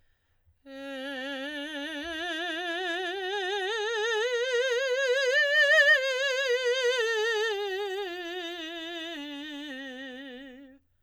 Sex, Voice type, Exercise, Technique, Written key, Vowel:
female, soprano, scales, slow/legato forte, C major, e